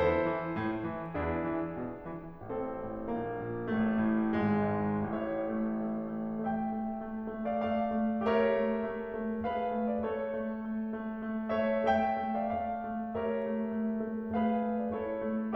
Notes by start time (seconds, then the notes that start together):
0.00 E2 E4 A4 C5
0.27 E3
0.57 A2
0.84 E3
1.15 E2 D4 E4 G#4
1.49 E3
1.83 B2
2.14 E3
2.45 A1 C4 E4 A4
2.80 A2
3.15 A#1 A#3
3.52 A#2
3.87 A1 A3
4.18 A2
4.50 G#1 G#3
4.81 G#2
5.13 A1 A2 C#5 E5
5.49 A3
5.83 A3
6.14 A3
6.42 A3 E5 G5
6.71 A3
6.98 A3
7.33 A3
7.47 D5 F5
7.58 A3 D5 F5
7.88 A3
8.23 A3 G4 A#4 C#5 E5
8.46 A3
8.85 A3
9.15 A3
9.47 A3 G#4 B4 F5
9.73 A3
9.90 D5
10.07 A3 A4 C#5
10.37 A3
10.65 A3
10.97 A3
11.31 A3
11.60 A3 C#5 E5
11.87 A3 E5 G5
12.18 A3
12.34 D5 F5
12.50 A3 D5 F5
12.83 A3
13.13 A3 G4 A#4 C#5 E5
13.42 A3
13.71 A3
14.02 A3
14.36 A3 G#4 B4 F5
14.72 A3
14.80 D5
14.98 A3 E4 A4 C#5
15.28 A3